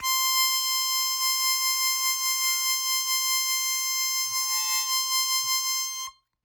<region> pitch_keycenter=84 lokey=83 hikey=86 volume=10.141761 trigger=attack ampeg_attack=0.100000 ampeg_release=0.100000 sample=Aerophones/Free Aerophones/Harmonica-Hohner-Special20-F/Sustains/Vib/Hohner-Special20-F_Vib_C5.wav